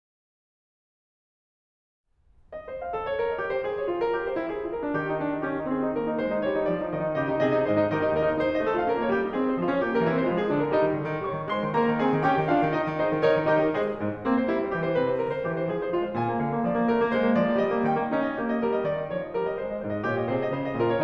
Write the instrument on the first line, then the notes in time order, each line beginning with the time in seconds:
piano
2.04 D#5
2.66 C5
2.80 F5
2.95 A4
3.08 C#5
3.19 A#4
3.27 D#5
3.39 G4
3.49 C5
3.62 G#4
3.78 C#5
3.90 F4
4.00 A#4
4.21 G4
4.29 C5
4.45 E4
4.54 G#4
4.63 F4
4.74 A#4
4.83 D4
4.98 D#3 G4
5.10 D#4
5.25 D4
5.37 D#4
5.50 C#4 G4
5.61 D#4
5.71 C4 G#4
5.83 D#4
5.93 A#3 A#4
6.02 D#4
6.15 G#3 C5
6.34 D#4
6.43 G3 C#5
6.56 D#4
6.66 F3 D5
6.78 D#4
6.91 D#3 D#5
7.00 D#4
7.20 C#3 G4 D#5
7.29 D#4
7.44 C3 G#4 D#5
7.56 D#4
7.66 G#2 G#4 C5 D#5
7.77 D#4
7.91 D#3 G4 A#4 D#5
8.02 D#4
8.10 D#2 G4 A#4 D#5
8.20 D#4
8.34 D#4 C5
8.53 C4 D#5
8.63 F4 A4
8.78 A3 F5
8.87 C#4 A#4
9.01 A#3 C#5
9.16 D#4 G4
9.25 G3 D#5
9.36 C4 G#4
9.48 G#3 C5
9.59 C#4 F4
9.73 F3 C#5
9.82 A#3 G4
9.96 G3 A#4
10.09 C4 E4
10.19 E3 C5
10.32 G#3 F4
10.41 F3 G#4
10.51 A#3 D4
10.63 D3 A#4
10.73 G3 D#4
10.84 D#3
10.96 D3
11.08 D#3
11.26 G3 C#5 C#6
11.41 D#3
11.52 G#3 C5 C6
11.63 D#3
11.75 A#3 A#4 A#5
11.89 D#3
11.99 C4 G#4 G#5
12.14 D#3
12.27 C#4 G4 G5
12.36 D#3
12.47 D4 F4 F5
12.57 D#3
12.71 D#4 D#5
12.82 D#3
12.96 D#4 G#4 C5 D#5
13.08 D#3
13.16 D#4 A#4 C#5 D#5
13.27 D#3
13.37 D#4 G4 A#4 D#5
13.51 D#3
13.75 G#3 G#4 C5 D#5
14.01 G#2
14.29 A#3 C4
14.40 C5
14.55 G#3 E4
14.65 C5
14.81 E3 G4
14.92 C5
15.00 C3 B4
15.12 C5
15.24 D3 A#4
15.34 C5
15.48 E3 G4
15.57 C5
15.68 F3 G#4
15.80 C5
15.94 G#3 F4
16.04 C5
16.10 A#2 G#5
16.25 A#3
16.35 D3 F5
16.46 A#3
16.59 F3 D5
16.68 A#3
16.80 A3 A#4
16.97 A#3
17.09 G#3 C5
17.19 A#3
17.36 F3 D5
17.46 A#3
17.58 G3 D#5
17.68 A#3
17.84 D#3 G5
18.03 A#3
18.16 C#4 D#4
18.31 D#5
18.40 A#3 G4
18.51 D#5
18.60 G3 A#4
18.73 D#5
18.89 D#3 D5
19.00 D#5
19.11 F3 C#5
19.24 D#5
19.34 G3 A#4
19.46 D#5
19.57 G#3 C5
19.69 D#5
19.81 G#2 D#4 C5
19.90 D#5
20.07 A#2 F4 C#5
20.20 D#5
20.31 C3 G#4 C5
20.43 D#5
20.57 C#3 F4 C5
20.69 D#5
20.79 A#2 F4 A#4
20.90 C#5